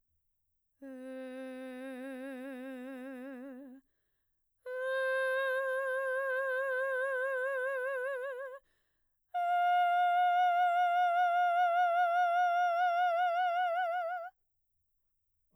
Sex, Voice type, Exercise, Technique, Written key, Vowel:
female, mezzo-soprano, long tones, full voice pianissimo, , e